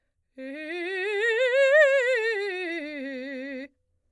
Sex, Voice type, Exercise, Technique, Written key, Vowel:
female, soprano, scales, fast/articulated piano, C major, e